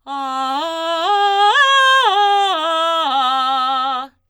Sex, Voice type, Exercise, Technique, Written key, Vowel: female, soprano, arpeggios, belt, , a